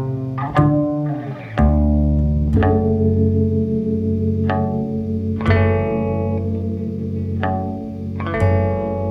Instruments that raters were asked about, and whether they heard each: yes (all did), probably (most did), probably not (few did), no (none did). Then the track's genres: bass: yes
guitar: yes
Indie-Rock; Ambient